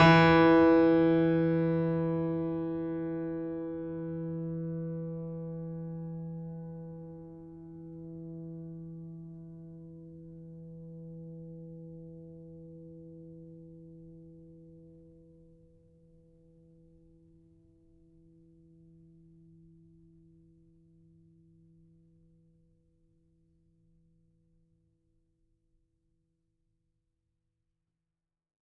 <region> pitch_keycenter=52 lokey=52 hikey=53 volume=0.651882 lovel=66 hivel=99 locc64=65 hicc64=127 ampeg_attack=0.004000 ampeg_release=0.400000 sample=Chordophones/Zithers/Grand Piano, Steinway B/Sus/Piano_Sus_Close_E3_vl3_rr1.wav